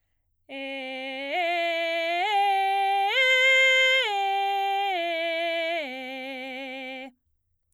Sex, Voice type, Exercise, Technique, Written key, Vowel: female, soprano, arpeggios, belt, C major, e